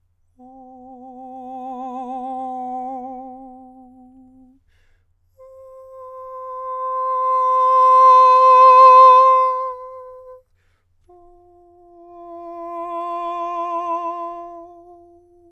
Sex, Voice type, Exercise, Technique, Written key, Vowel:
male, countertenor, long tones, messa di voce, , o